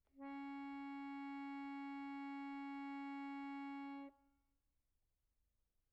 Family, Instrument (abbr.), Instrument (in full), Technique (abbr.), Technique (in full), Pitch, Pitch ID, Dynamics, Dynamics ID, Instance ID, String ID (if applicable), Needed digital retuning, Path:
Keyboards, Acc, Accordion, ord, ordinario, C#4, 61, pp, 0, 2, , FALSE, Keyboards/Accordion/ordinario/Acc-ord-C#4-pp-alt2-N.wav